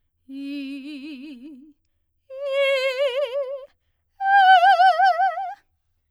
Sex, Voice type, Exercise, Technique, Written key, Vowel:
female, soprano, long tones, trill (upper semitone), , i